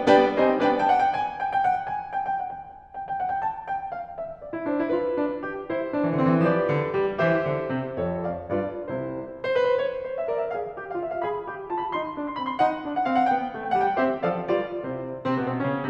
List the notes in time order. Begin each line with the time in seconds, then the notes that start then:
0.00 G3 B3 D4 B4 D5 G5
0.33 G3 C4 D#4 C5 D#5 G#5
0.59 B3 D4 B4 D5 G5
0.72 G5
0.85 F#5
0.99 G5
1.14 G#5
1.39 G5
1.54 G5
1.70 F#5
1.81 G5
1.93 G#5
2.15 G5
2.29 G5
2.45 F#5
2.58 G5
2.69 G#5
3.01 G5
3.11 G5
3.22 F#5
3.33 G5
3.45 A5
3.69 G5
3.91 F5
4.18 E5
4.40 D5
4.53 E4
4.64 D4 C5
4.82 E4
4.93 F4 B4
5.20 D4
5.46 G4
5.70 E4 C5
5.93 D4
6.06 E3
6.18 D3 C4
6.29 E3
6.46 F3 G4 B4 D5
6.70 D3
6.95 G3
7.19 E3 G4 C5 E5
7.49 D3
7.73 C3
7.94 F2 A4 C#5
8.29 D5 F5
8.51 G2 F4 B4 D5
8.86 C2 C3 E4 C5
9.38 C5
9.51 B4
9.62 C5
9.76 C#5
10.05 C5
10.17 E5
10.29 A#4 D5
10.40 E5
10.53 G#4 F5
10.76 G4
10.87 F5
10.98 F4 E5
11.09 F5
11.25 G#4 B5
11.54 G4
11.63 B5
11.74 F4 A5
11.85 B5
11.96 D#4 C6
12.18 D4
12.23 C6
12.34 C4 B5
12.47 C6
12.61 D#4 F#5
12.84 D4
12.96 F#5
13.06 C4 F5
13.18 F#5
13.29 B3 G5
13.54 A3
13.65 G5
13.77 G3 F#5
13.89 G5
13.98 C4 G4 C5 E5
14.21 F3 A4 D5 F5
14.55 G3 F4 B4 D5
14.85 C3 E4 C5
15.27 C3 C4
15.42 B2 B3
15.55 C3 C4
15.66 C#3 C#4